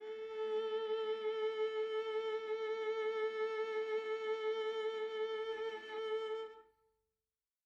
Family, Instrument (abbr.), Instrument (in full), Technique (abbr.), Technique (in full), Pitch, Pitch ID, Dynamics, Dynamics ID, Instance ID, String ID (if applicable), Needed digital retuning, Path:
Strings, Va, Viola, ord, ordinario, A4, 69, mf, 2, 3, 4, FALSE, Strings/Viola/ordinario/Va-ord-A4-mf-4c-N.wav